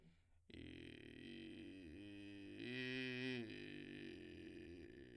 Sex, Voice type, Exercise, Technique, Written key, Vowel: male, , arpeggios, vocal fry, , i